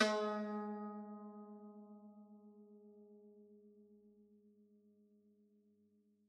<region> pitch_keycenter=56 lokey=56 hikey=57 volume=13.431067 lovel=66 hivel=99 ampeg_attack=0.004000 ampeg_release=0.300000 sample=Chordophones/Zithers/Dan Tranh/Normal/G#2_f_1.wav